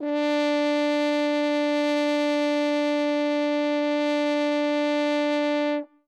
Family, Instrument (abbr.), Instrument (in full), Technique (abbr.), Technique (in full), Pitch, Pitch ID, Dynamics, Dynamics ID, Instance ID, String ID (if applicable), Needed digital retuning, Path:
Brass, Hn, French Horn, ord, ordinario, D4, 62, ff, 4, 0, , FALSE, Brass/Horn/ordinario/Hn-ord-D4-ff-N-N.wav